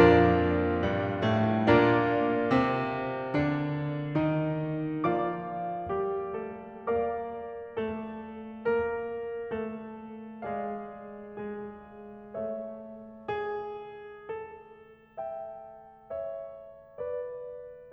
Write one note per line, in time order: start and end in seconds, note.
0.00 0.84 F2
0.00 1.61 A#2
0.00 0.84 F3
0.00 1.61 D4
0.00 1.61 F4
0.00 1.61 A#4
0.00 1.61 D5
0.85 1.25 G2
0.85 1.25 G3
1.27 1.61 A2
1.27 1.61 A3
1.63 2.44 A#2
1.63 5.02 A#3
1.63 5.02 D4
1.63 5.02 F4
1.63 5.02 A#4
1.63 5.02 D5
2.45 3.32 C3
2.45 3.32 C4
3.36 4.17 D3
3.36 4.17 D4
4.18 5.02 D#3
4.18 5.02 D#4
5.03 5.76 F3
5.03 6.99 A#3
5.03 5.76 F4
5.03 6.99 D5
5.03 6.99 F5
5.03 6.99 D6
5.77 6.28 G3
5.77 6.28 G4
6.29 6.99 A3
6.29 6.99 A4
7.00 7.71 A#3
7.00 7.71 A#4
7.00 10.41 D5
7.00 10.41 F5
7.00 10.41 D6
7.72 8.64 A3
7.72 8.64 A4
8.65 9.42 A#3
8.65 9.42 A#4
9.43 10.41 A3
9.43 10.41 A4
10.44 11.20 G#3
10.44 11.20 G#4
10.44 12.36 D5
10.44 12.36 F5
11.22 12.36 G#3
11.22 12.36 G#4
12.38 17.93 A3
12.38 13.28 A4
12.38 14.27 C#5
12.38 14.27 E5
13.29 14.27 G#4
14.28 17.93 A4
15.19 16.14 E5
15.19 16.14 G5
16.15 16.99 C#5
16.15 16.99 E5
17.00 17.93 B4
17.00 17.93 D5